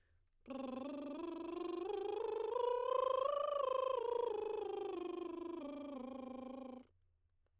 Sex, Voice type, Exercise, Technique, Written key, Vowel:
female, soprano, scales, lip trill, , a